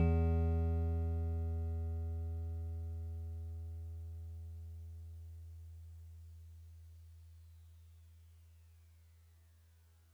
<region> pitch_keycenter=52 lokey=51 hikey=54 tune=-1 volume=16.071093 lovel=0 hivel=65 ampeg_attack=0.004000 ampeg_release=0.100000 sample=Electrophones/TX81Z/FM Piano/FMPiano_E2_vl1.wav